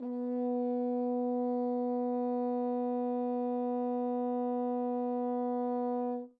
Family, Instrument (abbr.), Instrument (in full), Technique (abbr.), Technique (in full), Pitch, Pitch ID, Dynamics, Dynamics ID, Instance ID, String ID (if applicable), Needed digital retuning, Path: Brass, Hn, French Horn, ord, ordinario, B3, 59, mf, 2, 0, , FALSE, Brass/Horn/ordinario/Hn-ord-B3-mf-N-N.wav